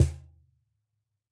<region> pitch_keycenter=61 lokey=61 hikey=61 volume=-0.883455 lovel=66 hivel=99 seq_position=1 seq_length=2 ampeg_attack=0.004000 ampeg_release=30.000000 sample=Idiophones/Struck Idiophones/Cajon/Cajon_hit2_mp_rr2.wav